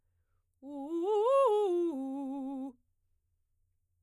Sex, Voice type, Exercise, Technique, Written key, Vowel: female, soprano, arpeggios, fast/articulated forte, C major, u